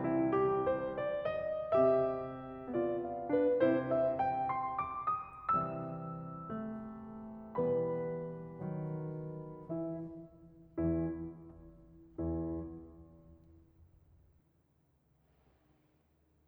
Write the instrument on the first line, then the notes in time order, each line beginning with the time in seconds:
piano
0.00 E4
0.35 G4
0.67 C5
1.01 D5
1.42 D#5
1.79 C3 C4 G4 E5
2.71 B3 F4 D5
3.04 F5
3.31 D4 B4
3.61 C3 C4 E4 C5
3.90 E5
4.18 G5
4.50 C6
4.82 D6
5.17 D#6
5.58 C3 E3 G3 E5 E6
6.59 A3
7.59 B2 E3 G3 B3 B4 B5
8.65 D#3 F#3
9.73 E3 E4 E5
10.77 E2 E3 E4
12.19 E2 E3 E4